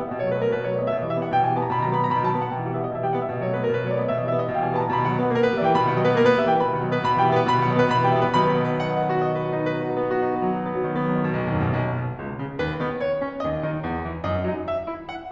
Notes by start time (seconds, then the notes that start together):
0.01 B3 E5
0.10 B2 D#5
0.22 F#3 C#5
0.31 A3 B4
0.39 B3 A#4
0.51 B2 B4
0.62 F#3 C#5
0.67 A3 D5
0.78 B3 D#5
0.88 B2 E5
0.98 E3 D#5
1.09 G3 E5
1.20 B3 F#5
1.28 B2 G5
1.36 E3 G#5
1.49 G3 A5
1.59 B3 A#5
1.71 B2 B5
1.78 D#3 A#5
1.88 F#3 B5
1.99 B3 A#5
2.11 B2 B5
2.24 D#3 A5
2.35 F#3 G5
2.43 B3 F#5
2.53 B2 G5
2.62 D#3 F#5
2.70 G3 E5
2.81 B3 D#5
2.93 B2 E5
3.02 D#3 G5
3.10 G3 F#5
3.20 B3 E5
3.30 B2 D#5
3.40 F#3 C#5
3.54 A3 B4
3.67 B3 A#4
3.77 B2 B4
3.87 F#3 C#5
3.97 A3 D5
4.05 B3 D#5
4.16 B2 E5
4.25 E3 D#5
4.34 G3 E5
4.42 B3 F#5
4.52 B2 G5
4.60 E3 G#5
4.68 G3 A5
4.77 B3 A#5
4.86 B2 B5
4.98 D#3 F#5
5.10 F#3 D#5
5.21 B3 B4
5.28 A#3 A#4
5.42 B3 B4
5.55 G3 E5
5.64 E3 G5
5.76 B2 B5
5.87 D#3 F#5
5.97 F#3 D#5
6.06 B3 B4
6.14 A#3 A#4
6.22 B3 B4
6.37 G3 E5
6.51 E3 G5
6.61 B2 B5
6.69 D#3 F#5
6.81 F#3 D#5
6.91 B3 B4
7.05 B2 B5
7.16 E3 G5
7.27 G3 E5
7.36 B3 B4
7.45 B2 B5
7.56 D#3 F#5
7.65 F#3 D#5
7.77 B3 B4
7.89 B2 B5
8.00 E3 G5
8.13 G3 E5
8.22 B3 B4
8.32 B2 D#3 F#3 B3 B5
8.42 F#5
8.58 D#5
8.68 B4
8.80 F#5
8.93 D#5
9.07 B4
9.16 F#4
9.26 D#5
9.35 B4
9.44 F#4
9.54 D#4
9.64 B4
9.73 F#4
9.82 D#4
9.91 B3
10.00 F#4
10.09 D#4
10.18 B3
10.31 F#3
10.40 D#4
10.51 B3
10.60 F#3
10.69 D#3
10.87 B3
10.96 F#3
11.08 D#3
11.17 B2
11.31 B1
11.39 D#2
11.48 F#2
11.59 B2
11.70 B1
11.95 B2
12.16 C#2
12.39 C#3
12.60 D#2 B4
12.84 D#3 B3
13.04 C#5
13.22 C#4
13.42 D#2 D#5
13.61 D#3 D#4
13.78 E2
13.98 E3
14.21 F#2 D#5
14.43 F#3 D#4
14.66 E5
14.87 E4
15.10 F#5